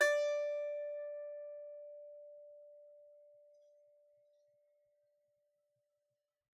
<region> pitch_keycenter=74 lokey=74 hikey=75 volume=-0.858782 offset=7 lovel=66 hivel=99 ampeg_attack=0.004000 ampeg_release=15.000000 sample=Chordophones/Composite Chordophones/Strumstick/Finger/Strumstick_Finger_Str3_Main_D4_vl2_rr1.wav